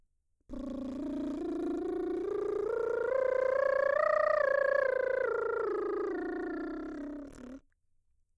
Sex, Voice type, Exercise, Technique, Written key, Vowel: female, mezzo-soprano, scales, lip trill, , o